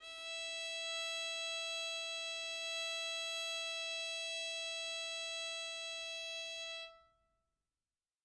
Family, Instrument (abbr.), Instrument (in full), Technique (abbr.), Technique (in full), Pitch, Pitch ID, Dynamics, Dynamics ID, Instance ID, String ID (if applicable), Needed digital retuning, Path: Strings, Vn, Violin, ord, ordinario, E5, 76, mf, 2, 0, 1, FALSE, Strings/Violin/ordinario/Vn-ord-E5-mf-1c-N.wav